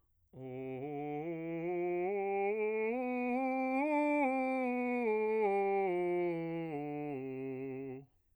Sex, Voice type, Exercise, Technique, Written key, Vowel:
male, bass, scales, slow/legato piano, C major, o